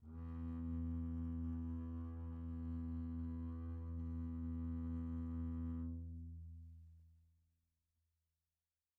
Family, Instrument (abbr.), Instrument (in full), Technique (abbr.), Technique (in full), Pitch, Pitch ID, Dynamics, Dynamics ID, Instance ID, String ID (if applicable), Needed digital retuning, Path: Strings, Cb, Contrabass, ord, ordinario, E2, 40, pp, 0, 1, 2, FALSE, Strings/Contrabass/ordinario/Cb-ord-E2-pp-2c-N.wav